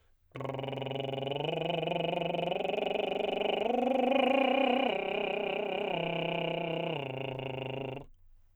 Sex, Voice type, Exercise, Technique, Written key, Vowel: male, tenor, arpeggios, lip trill, , i